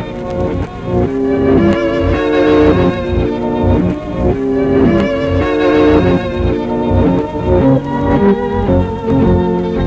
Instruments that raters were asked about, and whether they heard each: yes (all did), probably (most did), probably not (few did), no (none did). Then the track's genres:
cello: yes
violin: yes
cymbals: no
Ambient; Minimalism